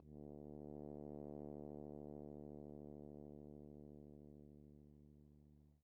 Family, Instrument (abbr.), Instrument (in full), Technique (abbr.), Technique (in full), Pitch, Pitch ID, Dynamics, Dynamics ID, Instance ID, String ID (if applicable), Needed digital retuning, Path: Brass, Hn, French Horn, ord, ordinario, D2, 38, pp, 0, 0, , FALSE, Brass/Horn/ordinario/Hn-ord-D2-pp-N-N.wav